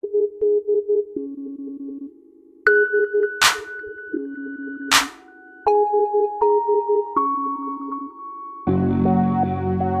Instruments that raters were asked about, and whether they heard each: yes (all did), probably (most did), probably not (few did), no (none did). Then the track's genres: bass: probably not
synthesizer: yes
Electronic